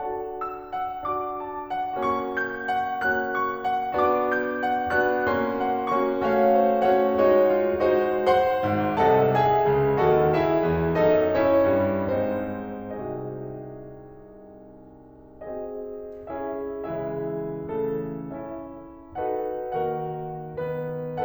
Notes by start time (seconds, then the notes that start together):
0.01 D4 F#4 A4 F#5 A5
0.37 E6
0.74 F#5
1.09 D4 F#4 D6
1.39 A5
1.69 F#5
2.05 A#3 C#4 F#4 C#6
2.33 G6
2.72 F#5
3.09 A#3 C#4 F#4 F#6
3.40 C#6
3.69 F#5
4.00 B3 D4 F#4 D6
4.38 G6
4.67 F#5
4.94 B3 D4 F#4 F#6
5.32 A#3 C#4 F#4 C6
5.67 F#5
5.97 A#3 C#4 F#4 C#6
6.26 A3 C#4 F#4 C#5 F5
6.58 C5
6.86 A3 C#4 F#4 C#5 F#5
7.19 G#3 D#4 F#4 C#5
7.54 F4
7.91 G#3 D#4 F#4 C5
8.25 C5 F#5 C6
8.68 G#1 G#2
8.99 C2 C3 A4 D#5 F#5 A5
9.36 G#4 E5 G#5
9.67 C#2 C#3
9.97 D#2 D#3 F#4 A4 D#5 F#5
10.33 E4 G#4 E5
10.70 E2 E3
11.00 F#2 F#3 D#4 A4 D#5
11.36 C#4 E4 C#5
11.74 G2 G3
12.21 G#2 G#3 C4 D#4 C5
13.00 C2 C3 D#4 F#4 G#4 D#5
15.44 C4 F#4 G#4 D#5
16.32 C#4 E4 G#4 E5
16.85 C#3 E3 G#3 E4 G#4 E5
17.71 C#3 E3 A3 A4
18.33 C#4 E4 E5
19.16 D#4 F#4 A4 B4 F#5
19.77 D#3 A#3 F#4 A#4 F#5
20.59 B3 B4